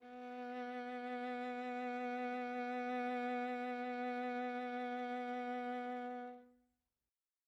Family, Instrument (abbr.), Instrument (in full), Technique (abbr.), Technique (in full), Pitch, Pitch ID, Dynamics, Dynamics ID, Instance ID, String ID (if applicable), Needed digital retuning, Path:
Strings, Va, Viola, ord, ordinario, B3, 59, mf, 2, 2, 3, TRUE, Strings/Viola/ordinario/Va-ord-B3-mf-3c-T16u.wav